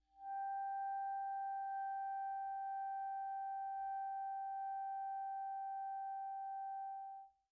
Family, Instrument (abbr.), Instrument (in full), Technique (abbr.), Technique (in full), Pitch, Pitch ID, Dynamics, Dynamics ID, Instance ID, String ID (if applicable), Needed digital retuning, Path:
Winds, ClBb, Clarinet in Bb, ord, ordinario, G5, 79, pp, 0, 0, , FALSE, Winds/Clarinet_Bb/ordinario/ClBb-ord-G5-pp-N-N.wav